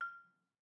<region> pitch_keycenter=89 lokey=87 hikey=91 volume=19.810595 offset=177 lovel=0 hivel=65 ampeg_attack=0.004000 ampeg_release=30.000000 sample=Idiophones/Struck Idiophones/Balafon/Hard Mallet/EthnicXylo_hardM_F5_vl1_rr1_Mid.wav